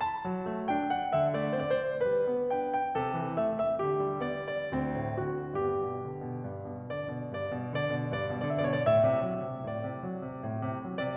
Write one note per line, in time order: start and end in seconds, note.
0.00 0.65 A5
0.22 0.44 F#3
0.45 0.65 A3
0.65 0.89 D4
0.65 0.89 G5
0.91 1.14 F#5
1.15 1.34 D3
1.15 1.34 E5
1.34 1.52 A3
1.34 1.52 D5
1.53 1.83 C4
1.53 1.83 C5
1.85 1.88 D5
1.92 2.04 C5
2.04 2.29 G3
2.04 2.52 B4
2.30 2.52 B3
2.53 2.73 D4
2.53 2.73 G5
2.73 2.95 G5
2.97 3.19 C3
2.97 3.38 A4
3.19 3.38 E3
3.39 3.61 A3
3.39 3.61 E5
3.62 3.85 E5
3.85 4.02 D3
3.85 4.19 G4
4.03 4.19 G3
4.20 4.40 B3
4.20 4.40 D5
4.40 4.62 D5
4.63 4.97 D2
4.63 5.33 C4
4.98 5.33 A2
5.33 5.51 D3
5.33 5.51 F#4
5.55 5.77 G2
5.55 6.44 B3
5.55 6.44 G4
5.79 6.04 B2
6.04 6.22 D3
6.23 6.44 B2
6.44 6.79 G2
6.79 6.94 B2
6.95 7.15 D3
6.95 7.35 D5
7.15 7.35 B2
7.36 7.53 G2
7.36 7.73 D5
7.55 7.73 B2
7.73 7.91 D3
7.73 8.09 D5
7.93 8.09 B2
8.10 8.27 G2
8.10 8.43 D5
8.27 8.43 B2
8.44 8.65 D3
8.44 8.65 D5
8.52 8.79 E5
8.66 8.89 B2
8.66 8.89 C#5
8.79 8.99 D5
8.89 9.08 A2
8.89 9.65 E5
9.09 9.26 C3
9.26 9.46 F#3
9.46 9.65 C3
9.66 9.81 A2
9.66 10.00 D5
9.81 10.00 C3
10.03 10.24 F#3
10.25 10.41 C3
10.41 10.63 A2
10.65 10.82 C3
10.83 10.99 F#3
10.99 11.16 C3
10.99 11.16 D5